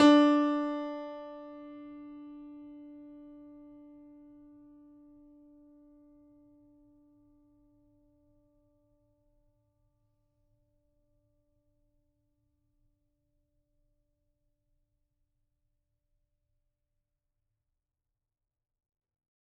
<region> pitch_keycenter=62 lokey=62 hikey=63 volume=0.195863 lovel=100 hivel=127 locc64=0 hicc64=64 ampeg_attack=0.004000 ampeg_release=0.400000 sample=Chordophones/Zithers/Grand Piano, Steinway B/NoSus/Piano_NoSus_Close_D4_vl4_rr1.wav